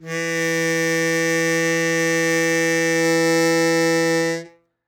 <region> pitch_keycenter=52 lokey=51 hikey=53 tune=1 volume=6.192994 trigger=attack ampeg_attack=0.004000 ampeg_release=0.100000 sample=Aerophones/Free Aerophones/Harmonica-Hohner-Super64/Sustains/Normal/Hohner-Super64_Normal _E2.wav